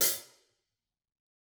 <region> pitch_keycenter=42 lokey=42 hikey=42 volume=5 offset=185 lovel=107 hivel=127 seq_position=1 seq_length=2 ampeg_attack=0.004000 ampeg_release=30.000000 sample=Idiophones/Struck Idiophones/Hi-Hat Cymbal/HiHat_HitC_v4_rr1_Mid.wav